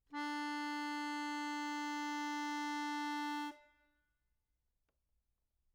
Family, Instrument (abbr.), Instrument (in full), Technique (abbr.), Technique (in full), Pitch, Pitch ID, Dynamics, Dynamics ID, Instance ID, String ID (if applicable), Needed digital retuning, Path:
Keyboards, Acc, Accordion, ord, ordinario, D4, 62, mf, 2, 4, , FALSE, Keyboards/Accordion/ordinario/Acc-ord-D4-mf-alt4-N.wav